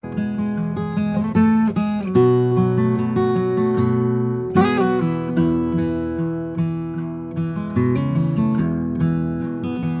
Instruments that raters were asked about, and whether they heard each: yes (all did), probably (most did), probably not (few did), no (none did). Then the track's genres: trumpet: no
violin: no
guitar: yes
clarinet: no
Pop; Folk; Singer-Songwriter